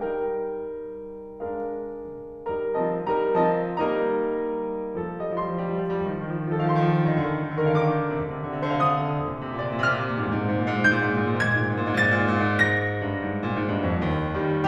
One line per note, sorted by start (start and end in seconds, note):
0.01 1.40 G3
0.01 1.40 D#4
0.01 1.40 A#4
0.01 1.40 G5
1.43 2.50 G#3
1.43 2.50 D4
1.43 2.50 A#4
1.43 2.50 F5
2.51 2.78 G3
2.51 2.78 D#4
2.51 2.78 A#4
2.51 2.78 A#5
2.79 3.04 F3
2.79 3.04 C4
2.79 3.04 D#5
2.79 3.04 A5
3.04 3.35 G3
3.04 3.35 D#4
3.04 3.35 A#4
3.04 3.35 A#5
3.36 3.72 F3
3.36 3.72 C4
3.36 3.72 D#5
3.36 3.72 A5
3.73 5.01 G3
3.73 5.01 A#3
3.73 5.01 D#4
3.73 5.01 A#4
3.73 5.01 D#5
3.73 5.01 A#5
5.03 5.32 F3
5.03 5.21 G#4
5.22 5.45 G3
5.22 5.32 D#5
5.33 5.58 F3
5.33 6.60 C6
5.46 5.69 G3
5.59 5.81 F3
5.71 5.93 G3
5.82 6.05 F3
5.94 6.21 G3
6.05 6.36 D#3
6.21 6.46 F3
6.37 6.60 D#3
6.47 6.74 F3
6.61 6.86 D#3
6.61 6.74 G#4
6.75 7.03 F3
6.75 6.86 F5
6.87 7.17 D#3
6.87 7.17 C6
7.06 7.17 F3
7.18 7.32 D3
7.26 7.37 D#3
7.33 7.47 D3
7.38 7.56 D#3
7.48 7.65 D3
7.56 7.71 D#3
7.65 7.83 D3
7.65 7.80 A#4
7.73 7.92 D#3
7.82 8.06 D3
7.82 7.92 F5
7.94 8.13 D#3
7.94 8.23 D6
8.06 8.23 D3
8.14 8.31 D#3
8.24 8.39 C3
8.33 8.47 D3
8.40 8.54 C3
8.48 8.63 D3
8.55 8.70 C3
8.63 8.79 D3
8.71 8.86 C3
8.71 8.83 C5
8.81 8.96 D3
8.81 8.96 F5
8.88 9.03 C3
8.96 9.11 D3
8.96 9.19 D#6
9.04 9.19 C3
9.12 9.27 D3
9.20 9.35 A#2
9.28 9.44 C3
9.36 9.54 A#2
9.47 9.60 C3
9.54 9.69 A#2
9.61 9.77 C3
9.70 9.87 A#2
9.70 9.80 C#5
9.78 9.94 C3
9.84 10.03 A#2
9.84 9.94 F5
9.96 10.12 C3
9.96 10.72 F6
10.05 10.22 A#2
10.13 10.30 C3
10.22 10.41 G#2
10.32 10.50 A#2
10.42 10.57 G#2
10.51 10.65 A#2
10.58 10.72 G#2
10.65 10.81 A#2
10.75 10.87 G#2
10.75 11.33 G6
10.81 10.95 A#2
10.88 11.12 G#2
11.04 11.23 A#2
11.14 11.33 G#2
11.23 11.42 A#2
11.34 11.56 G#2
11.34 11.95 G#6
11.44 11.63 A#2
11.57 11.73 G#2
11.64 11.84 A#2
11.74 11.95 G#2
11.85 12.06 A#2
11.95 12.21 G#2
11.95 12.68 A6
12.07 12.34 A#2
12.22 12.44 G#2
12.35 12.54 A#2
12.44 12.68 G#2
12.61 12.78 A#2
12.70 12.87 G#2
12.70 14.68 A#6
12.79 12.99 A#2
12.88 13.09 G#2
13.01 13.13 G2
13.14 13.43 G#2
13.44 13.53 A#2
13.54 13.71 G#2
13.71 13.84 G2
13.84 14.02 F2
14.03 14.34 D#2
14.36 14.68 D#3
14.36 14.68 G3